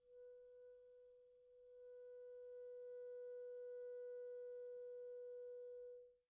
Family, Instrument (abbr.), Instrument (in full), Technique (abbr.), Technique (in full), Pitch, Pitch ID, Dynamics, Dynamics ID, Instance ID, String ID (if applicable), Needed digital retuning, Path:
Winds, ClBb, Clarinet in Bb, ord, ordinario, B4, 71, pp, 0, 0, , FALSE, Winds/Clarinet_Bb/ordinario/ClBb-ord-B4-pp-N-N.wav